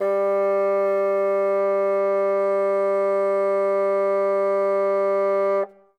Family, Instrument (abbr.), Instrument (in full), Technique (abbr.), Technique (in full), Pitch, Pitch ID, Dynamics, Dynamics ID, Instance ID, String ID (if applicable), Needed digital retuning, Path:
Winds, Bn, Bassoon, ord, ordinario, G3, 55, ff, 4, 0, , FALSE, Winds/Bassoon/ordinario/Bn-ord-G3-ff-N-N.wav